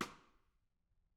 <region> pitch_keycenter=62 lokey=62 hikey=62 volume=15.587050 offset=190 seq_position=2 seq_length=2 ampeg_attack=0.004000 ampeg_release=15.000000 sample=Membranophones/Struck Membranophones/Snare Drum, Modern 2/Snare3M_Xstick_v2_rr2_Mid.wav